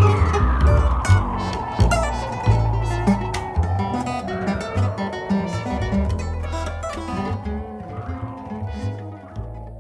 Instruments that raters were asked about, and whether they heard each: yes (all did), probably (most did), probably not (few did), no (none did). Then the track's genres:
ukulele: probably
mandolin: no
Experimental Pop